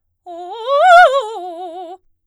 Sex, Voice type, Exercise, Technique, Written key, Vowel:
female, soprano, arpeggios, fast/articulated forte, F major, o